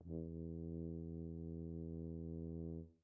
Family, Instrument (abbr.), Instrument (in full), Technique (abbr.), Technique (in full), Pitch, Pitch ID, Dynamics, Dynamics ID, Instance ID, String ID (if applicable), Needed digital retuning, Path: Brass, BTb, Bass Tuba, ord, ordinario, E2, 40, pp, 0, 0, , TRUE, Brass/Bass_Tuba/ordinario/BTb-ord-E2-pp-N-T25u.wav